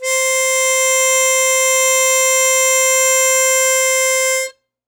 <region> pitch_keycenter=72 lokey=70 hikey=74 volume=3.088584 trigger=attack ampeg_attack=0.004000 ampeg_release=0.100000 sample=Aerophones/Free Aerophones/Harmonica-Hohner-Super64/Sustains/Normal/Hohner-Super64_Normal _C4.wav